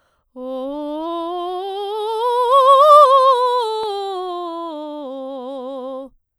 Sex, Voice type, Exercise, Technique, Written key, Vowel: female, soprano, scales, vibrato, , o